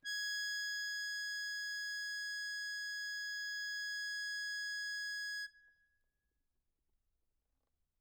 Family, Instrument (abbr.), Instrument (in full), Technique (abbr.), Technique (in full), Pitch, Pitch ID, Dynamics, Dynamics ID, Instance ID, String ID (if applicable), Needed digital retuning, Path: Keyboards, Acc, Accordion, ord, ordinario, G#6, 92, mf, 2, 1, , FALSE, Keyboards/Accordion/ordinario/Acc-ord-G#6-mf-alt1-N.wav